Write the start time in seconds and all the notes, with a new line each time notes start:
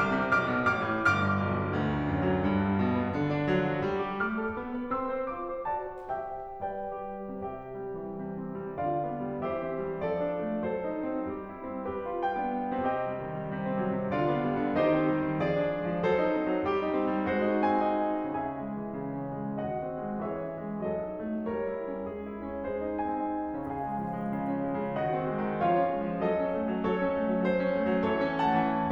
0.01 C2 D6 F6
0.20 C3
0.37 B1 D6 F6
0.49 B2
0.67 A1 D6 F6
0.88 A2
1.03 G1 D6 F6
1.21 G2
1.43 B1
1.61 B2
1.75 D2
1.93 D3
2.10 F#2
2.30 F#3
2.49 G2
2.70 G3
2.87 B2
3.01 B3
3.19 D3
3.38 D4
3.56 F#3
3.70 F#4
3.88 G3
4.05 G4
4.23 A3 D6 F6
4.42 A4
4.59 B3
4.75 B4
4.91 C4 C6 E6
5.10 C5
5.30 F4 D6
5.46 C5
5.66 F#4 D5 A5
5.90 C5
6.08 G4 E5 G5
6.29 C5
6.65 G3 B4 D5 G5
7.01 G4
7.29 C3 G4 E5 G5
7.61 G3
7.89 E3
8.14 C3
8.40 C4
8.67 G3
8.82 D3 F4 D5 F5
9.03 B3
9.26 G3
9.53 E3 G4 C5 E5
9.67 C4
9.86 G3
10.03 F3 A4 D5
10.15 D4
10.40 A3
10.65 F#3 A4 C5
10.87 D#4
11.13 C4
11.30 G3 G4
11.50 E4
11.67 C4
11.88 G3 G4 B4
12.12 F4
12.27 G5
12.38 B3 D4
12.79 C3 C4 G4 D#5 G5
13.03 G3
13.23 D#3
13.37 G3
13.51 C3
13.65 C4
13.78 G3
13.96 C3
14.14 D3 F4 D5 F5
14.29 B3
14.45 G3
14.62 D3
14.79 D#3 D#4 G4 C5 D#5
14.98 C4
15.10 G3
15.25 D#3
15.40 F3 G#4 D5
15.63 D4
15.74 G#3
15.88 F3
16.04 F#3 A4 C5
16.24 D#4
16.38 C4
16.49 F#3
16.67 G3 G4
16.84 D#4
17.04 C4
17.14 G3
17.33 G#3 F#4 C5
17.51 D#4
17.72 C4 G#5
17.89 D#4
18.18 C#3 C#4 G#4 E5 G#5
18.42 G#3
18.69 E3
18.94 C#3
19.17 C#4
19.42 G#3
19.64 D#3 F#4 D#5 F#5
19.81 C4
20.01 G#3
20.25 E3 G#4 C#5 E5
20.43 C#4
20.64 G#3
20.85 F#3 A4 D#5
21.07 D#4
21.29 A3
21.53 G3 A#4 C#5
21.70 E4
21.94 C#4
22.12 G#3 G#4
22.30 E4
22.47 C#4
22.69 G#3 G#4 C5
22.81 D#4
22.99 C4 G#5
23.28 D#4
23.52 C#3 C#4 G#4 F5 G#5
23.74 G#3
23.98 F3
24.15 G#3
24.32 C#3
24.49 C#4
24.64 G#3
24.83 C#3
24.98 D#3 F#4 D#5 F#5
25.14 C4
25.30 G#3
25.44 D#3
25.62 F3 F4 G#4 C#5 F5
25.78 C#4
25.92 G#3
26.02 F3
26.20 F#3 A4 D#5
26.38 C#4
26.55 A3
26.70 F#3
26.86 F#3 A4 C#5
27.01 C#4
27.14 A3
27.29 F#3
27.44 F#3 C5
27.59 C#4
27.75 A3
27.87 F#3
28.08 E3 A4 C#5
28.29 C#4
28.47 A3 F#5 A5
28.71 E3